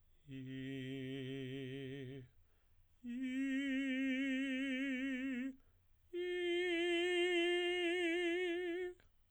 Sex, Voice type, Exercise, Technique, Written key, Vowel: male, tenor, long tones, full voice pianissimo, , i